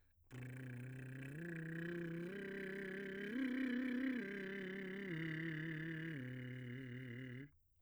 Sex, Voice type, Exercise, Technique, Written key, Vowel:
male, , arpeggios, lip trill, , i